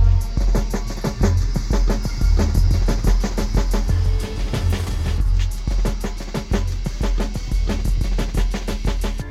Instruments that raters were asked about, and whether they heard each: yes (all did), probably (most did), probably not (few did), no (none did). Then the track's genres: cymbals: yes
Electroacoustic; Ambient Electronic; Sound Collage